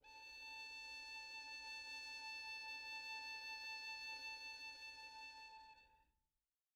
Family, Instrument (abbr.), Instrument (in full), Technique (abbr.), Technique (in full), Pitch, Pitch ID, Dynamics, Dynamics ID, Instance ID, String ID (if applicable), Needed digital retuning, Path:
Strings, Vn, Violin, ord, ordinario, A5, 81, pp, 0, 1, 2, FALSE, Strings/Violin/ordinario/Vn-ord-A5-pp-2c-N.wav